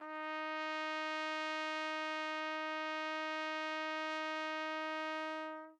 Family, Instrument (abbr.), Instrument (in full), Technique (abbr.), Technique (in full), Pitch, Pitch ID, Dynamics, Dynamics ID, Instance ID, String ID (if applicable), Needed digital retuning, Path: Brass, TpC, Trumpet in C, ord, ordinario, D#4, 63, mf, 2, 0, , TRUE, Brass/Trumpet_C/ordinario/TpC-ord-D#4-mf-N-T16u.wav